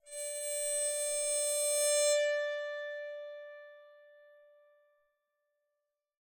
<region> pitch_keycenter=74 lokey=74 hikey=75 tune=-1 volume=11.703480 offset=2744 ampeg_attack=0.004000 ampeg_release=2.000000 sample=Chordophones/Zithers/Psaltery, Bowed and Plucked/LongBow/BowedPsaltery_D4_Main_LongBow_rr1.wav